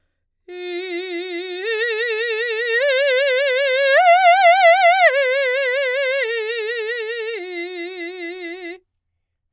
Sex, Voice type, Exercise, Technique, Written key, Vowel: female, soprano, arpeggios, slow/legato forte, F major, i